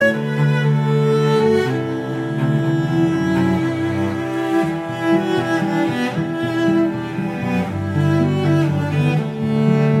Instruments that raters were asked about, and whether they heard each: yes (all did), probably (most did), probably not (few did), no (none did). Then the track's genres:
cello: yes
bass: probably not
Classical